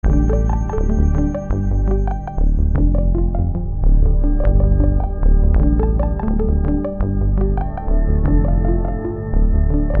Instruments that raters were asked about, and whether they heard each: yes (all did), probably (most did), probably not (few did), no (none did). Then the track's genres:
synthesizer: probably
Experimental; Ambient